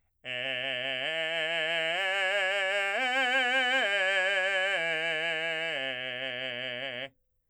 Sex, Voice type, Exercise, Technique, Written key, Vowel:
male, , arpeggios, belt, , e